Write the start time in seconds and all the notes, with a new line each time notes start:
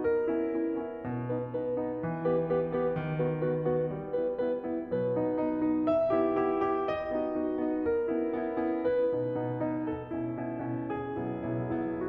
0.00 A#4
0.33 B3 C#4 E4
0.57 B3 C#4 E4
0.81 B3 C#4 E4
1.06 B2
1.32 B3 D#4 B4
1.56 B3 D#4 B4
1.80 B3 D#4 B4
2.01 E3
2.26 B3 G4 B4
2.47 B3 G4 B4
2.71 B3 G4 B4
2.95 D#3
3.17 B3 F#4 B4
3.37 B3 F#4 B4
3.65 B3 F#4 B4
3.91 G3
4.13 B3 E4 B4
4.40 B3 E4 B4
4.64 B3 E4 B4
4.93 B2 F#3 B4
5.17 B3 D#4
5.41 B3 D#4
5.62 B3 D#4
5.87 E5
6.13 B3 E4 G4
6.36 B3 E4 G4
6.63 B3 E4 G4
6.90 D#5
7.14 B3 D#4 F#4
7.43 B3 D#4 F#4
7.66 B3 D#4 F#4
7.89 A#4
8.13 B3 C#4 E4
8.31 B3 C#4 E4
8.51 B3 C#4 E4
8.80 B4
9.10 B2 B3 D#4
9.38 B2 B3 D#4
9.60 B2 B3 D#4
9.85 A4
10.09 B2 C#4 E4
10.41 B2 C#4 E4
10.67 B2 C#4 E4
10.95 G#4
11.32 B1 B2 B3 E4
11.58 B1 B2 B3 E4
11.83 B1 B2 B3 E4